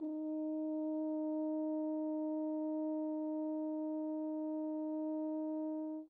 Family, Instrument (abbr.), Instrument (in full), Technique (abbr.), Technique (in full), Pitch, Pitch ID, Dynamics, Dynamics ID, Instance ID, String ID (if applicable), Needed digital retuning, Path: Brass, Hn, French Horn, ord, ordinario, D#4, 63, pp, 0, 0, , FALSE, Brass/Horn/ordinario/Hn-ord-D#4-pp-N-N.wav